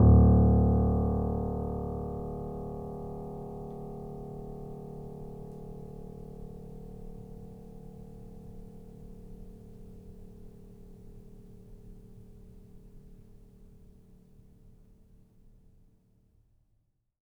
<region> pitch_keycenter=26 lokey=26 hikey=27 volume=0.442377 lovel=0 hivel=65 locc64=0 hicc64=64 ampeg_attack=0.004000 ampeg_release=0.400000 sample=Chordophones/Zithers/Grand Piano, Steinway B/NoSus/Piano_NoSus_Close_D1_vl2_rr1.wav